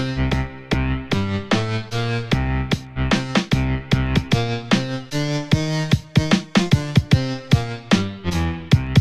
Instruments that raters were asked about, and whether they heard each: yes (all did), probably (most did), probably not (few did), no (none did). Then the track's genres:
saxophone: no
Electronic; House; Chiptune